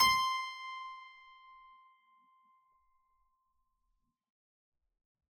<region> pitch_keycenter=84 lokey=84 hikey=84 volume=-1.162111 trigger=attack ampeg_attack=0.004000 ampeg_release=0.400000 amp_veltrack=0 sample=Chordophones/Zithers/Harpsichord, Unk/Sustains/Harpsi4_Sus_Main_C5_rr1.wav